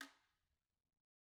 <region> pitch_keycenter=61 lokey=61 hikey=61 volume=17.433348 offset=138 seq_position=1 seq_length=2 ampeg_attack=0.004000 ampeg_release=30.000000 sample=Idiophones/Struck Idiophones/Guiro/Guiro_Hit_rr1_Mid.wav